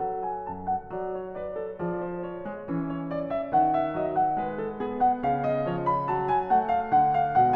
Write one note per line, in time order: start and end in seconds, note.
0.00 0.51 F#3
0.00 0.94 A4
0.00 0.26 F#5
0.26 0.48 G#5
0.48 0.98 F#2
0.48 0.70 A5
0.70 0.94 F#5
0.94 1.83 F#3
0.94 1.35 D5
1.14 1.35 C#5
1.35 1.57 B4
1.35 1.80 D5
1.57 1.80 A4
1.80 2.71 F3
1.80 2.46 G#4
1.80 2.07 D5
2.07 2.29 C5
2.29 2.67 C#5
2.46 2.67 G#3
2.67 3.58 E3
2.67 4.04 C#4
2.86 3.13 C#5
3.13 3.33 D5
3.33 3.55 E5
3.55 4.45 D#3
3.55 3.85 F#5
3.85 4.04 E5
4.04 4.41 F#3
4.04 4.20 D#5
4.20 4.41 F#5
4.41 5.29 G#3
4.41 4.62 B4
4.62 4.83 A4
4.83 5.62 B3
4.83 5.06 G#4
5.06 5.25 F#5
5.25 5.47 F5
5.29 6.11 C#3
5.47 5.62 D#5
5.62 6.06 F3
5.62 5.86 C#5
5.86 6.06 B5
6.06 6.27 A5
6.11 6.90 F#3
6.27 6.49 G#5
6.49 7.37 A3
6.49 6.70 F#5
6.70 6.86 F5
6.86 7.41 D3
6.86 7.14 F#5
7.14 7.37 F5
7.37 7.56 B2
7.37 7.56 G#3
7.37 7.56 F#5